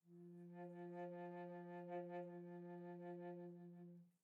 <region> pitch_keycenter=53 lokey=53 hikey=54 tune=-7 volume=23.156500 offset=1673 ampeg_attack=0.004000 ampeg_release=0.300000 sample=Aerophones/Edge-blown Aerophones/Baroque Bass Recorder/SusVib/BassRecorder_SusVib_F2_rr1_Main.wav